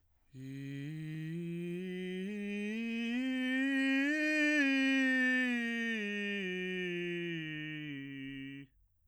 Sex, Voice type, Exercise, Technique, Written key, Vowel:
male, bass, scales, breathy, , i